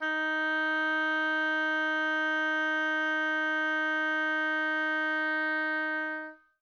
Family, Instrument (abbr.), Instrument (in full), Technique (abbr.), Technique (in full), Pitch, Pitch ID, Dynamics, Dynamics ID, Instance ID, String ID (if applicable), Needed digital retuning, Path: Winds, Ob, Oboe, ord, ordinario, D#4, 63, mf, 2, 0, , FALSE, Winds/Oboe/ordinario/Ob-ord-D#4-mf-N-N.wav